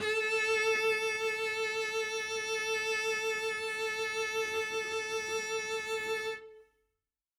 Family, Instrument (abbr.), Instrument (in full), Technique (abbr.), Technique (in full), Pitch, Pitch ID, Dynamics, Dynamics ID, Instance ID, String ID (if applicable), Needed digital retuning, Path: Strings, Vc, Cello, ord, ordinario, A4, 69, ff, 4, 0, 1, FALSE, Strings/Violoncello/ordinario/Vc-ord-A4-ff-1c-N.wav